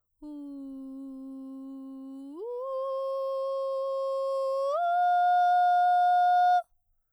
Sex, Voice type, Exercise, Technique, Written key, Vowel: female, soprano, long tones, straight tone, , u